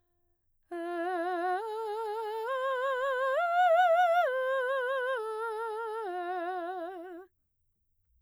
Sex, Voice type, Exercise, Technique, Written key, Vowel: female, mezzo-soprano, arpeggios, slow/legato piano, F major, e